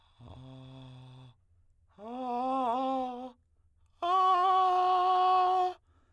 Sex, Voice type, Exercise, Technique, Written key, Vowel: male, tenor, long tones, inhaled singing, , a